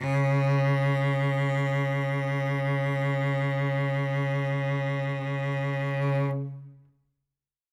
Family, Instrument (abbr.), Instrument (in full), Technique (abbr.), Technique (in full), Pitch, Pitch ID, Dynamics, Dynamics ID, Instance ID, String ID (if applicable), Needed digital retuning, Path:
Strings, Vc, Cello, ord, ordinario, C#3, 49, ff, 4, 2, 3, FALSE, Strings/Violoncello/ordinario/Vc-ord-C#3-ff-3c-N.wav